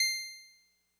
<region> pitch_keycenter=84 lokey=83 hikey=86 tune=-1 volume=7.884477 lovel=100 hivel=127 ampeg_attack=0.004000 ampeg_release=0.100000 sample=Electrophones/TX81Z/Clavisynth/Clavisynth_C5_vl3.wav